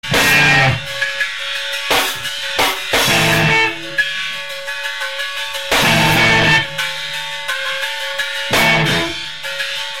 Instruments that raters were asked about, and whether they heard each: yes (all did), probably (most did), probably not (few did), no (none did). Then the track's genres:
drums: probably
Loud-Rock; Experimental Pop